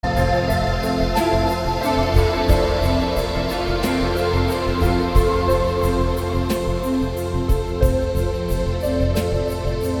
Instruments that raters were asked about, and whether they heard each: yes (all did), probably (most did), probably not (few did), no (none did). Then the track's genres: accordion: probably not
New Age; Instrumental